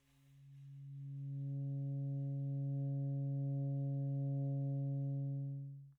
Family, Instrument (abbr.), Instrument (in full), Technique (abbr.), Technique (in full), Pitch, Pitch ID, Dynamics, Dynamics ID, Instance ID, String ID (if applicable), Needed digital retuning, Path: Winds, ASax, Alto Saxophone, ord, ordinario, C#3, 49, pp, 0, 0, , TRUE, Winds/Sax_Alto/ordinario/ASax-ord-C#3-pp-N-T11d.wav